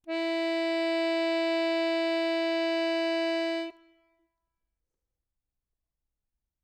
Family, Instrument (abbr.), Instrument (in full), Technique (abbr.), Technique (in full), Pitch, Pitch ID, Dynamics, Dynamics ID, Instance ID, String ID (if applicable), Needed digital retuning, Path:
Keyboards, Acc, Accordion, ord, ordinario, E4, 64, ff, 4, 0, , FALSE, Keyboards/Accordion/ordinario/Acc-ord-E4-ff-N-N.wav